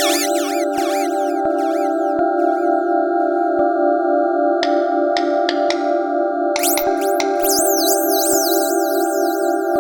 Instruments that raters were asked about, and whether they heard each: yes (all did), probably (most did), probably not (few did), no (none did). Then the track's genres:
synthesizer: yes
mallet percussion: no
Electronic; Ambient